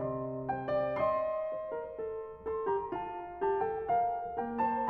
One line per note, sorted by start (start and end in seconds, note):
0.00 0.98 C3
0.00 0.48 D#5
0.00 0.48 C6
0.48 0.67 C5
0.48 0.98 G5
0.67 0.98 D5
0.98 4.38 D#5
0.98 2.48 C6
1.52 1.71 C5
1.71 2.00 A#4
2.00 2.48 A4
2.48 2.73 A4
2.48 2.73 C6
2.73 2.94 G4
2.73 2.94 A#5
2.94 3.44 F4
2.94 3.44 A5
3.44 3.65 G4
3.44 3.65 A5
3.65 3.85 A4
3.65 3.85 G5
3.85 4.38 A#4
3.85 4.38 F5
4.38 4.90 A#3
4.38 4.70 A#4
4.38 4.70 G5
4.70 4.90 C5
4.70 4.90 A5